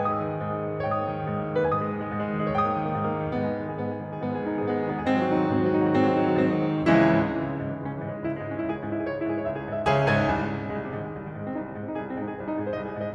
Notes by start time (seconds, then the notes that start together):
0.00 G#2 B4 G#5
0.07 G#3 D#6
0.19 D#3
0.27 G#3
0.38 G#2
0.52 G#3
0.63 D#3
0.71 G#3
0.81 G#2 C#5
0.86 G5 D#6
0.92 A#3
0.99 D#3
1.08 A#3
1.17 G#2
1.28 A#3
1.39 D#3
1.49 A#3
1.59 G#2 B4 G#5
1.64 G#3 D#6
1.75 D#3
1.86 G#3
1.96 G#2
2.11 G#3
2.21 D#3
2.39 G#3
2.50 G#2 C#5 G5
2.58 A#3 D#6
2.69 D#3
2.79 A#3
2.89 G#2
2.98 A#3
3.08 D#3
3.19 A#3
3.32 G#2 B3
3.46 G#3 G#4
3.56 D#3 D#4
3.66 G#3 G#4
3.76 G#2 B3
3.90 G#3 G#4
4.01 D#3 D#4
4.11 G#3 G#4
4.20 G#2 B3
4.31 G#3 G#4
4.39 D#3 D#4
4.48 G#3 G#4
4.59 G#2 B3
4.69 G#3 G#4
4.81 D#3 D#4
4.90 G#3 G#4
5.05 G#2 C4
5.17 D#3 F#4
5.26 B2 D#4
5.36 D#3 F#4
5.47 G#2 C4
5.57 D#3 F#4
5.68 B2 D#4
5.78 D#3 F#4
5.90 G#2 C4
6.03 D#3 F#4
6.12 B2 D#4
6.21 D#3 F#4
6.29 G#2 C4
6.39 D#3 F#4
6.51 B2 D#4
6.66 D#3 F#4
6.77 C#2 E3 G#3 C#4 E4
6.86 G#2
6.99 G#2 C#3
7.12 E3
7.35 C#2 G#3
7.45 C#3
7.57 G#2 E3
7.69 G#3
7.80 C#2 C#4
7.93 E3
8.01 G#2 G#3
8.13 C#4
8.22 C#2 E4
8.31 G#3
8.42 G#2 C#4
8.54 E4
8.65 C#2 G#4
8.78 C#4
8.86 G#2 E4
8.95 G#4
9.04 C#2 C#5
9.11 E4
9.21 G#2 G#4
9.30 C#5
9.39 C#2 E5
9.50 G#4
9.58 G#2 C#5
9.74 E5
9.85 C#2 C#3 G#4 C#5 E5 G#5
10.05 G#2 G#4 C#5 E5 G#5
10.24 C2
10.34 G#2
10.45 G#2 C3
10.58 D#3
10.70 C2 G#3
10.81 C3
10.90 G#2 D#3
11.04 G#3
11.16 C2 C4
11.25 D#3
11.37 G#2 G#3
11.51 C4
11.62 C2 D#4
11.71 G#3
11.82 G#2 C4
11.91 D#4
12.04 C2 G#4
12.16 C4
12.23 G#2 D#4
12.31 G#4
12.40 C2 C5
12.52 D#4
12.61 G#2 G#4
12.72 C5
12.83 C2 D#5
12.91 G#4
12.99 G#2 C5
13.06 D#5